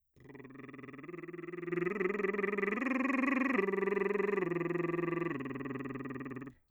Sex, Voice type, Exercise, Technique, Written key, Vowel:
male, bass, arpeggios, lip trill, , e